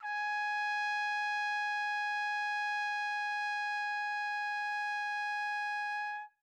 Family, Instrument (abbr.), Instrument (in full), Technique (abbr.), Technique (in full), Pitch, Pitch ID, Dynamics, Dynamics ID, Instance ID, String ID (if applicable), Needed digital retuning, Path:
Brass, TpC, Trumpet in C, ord, ordinario, G#5, 80, mf, 2, 0, , FALSE, Brass/Trumpet_C/ordinario/TpC-ord-G#5-mf-N-N.wav